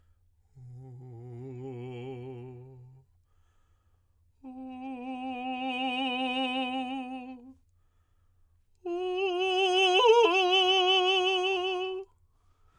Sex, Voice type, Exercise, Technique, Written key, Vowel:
male, tenor, long tones, messa di voce, , u